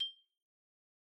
<region> pitch_keycenter=91 lokey=88 hikey=93 volume=21.807102 lovel=0 hivel=83 ampeg_attack=0.004000 ampeg_release=15.000000 sample=Idiophones/Struck Idiophones/Xylophone/Medium Mallets/Xylo_Medium_G6_pp_01_far.wav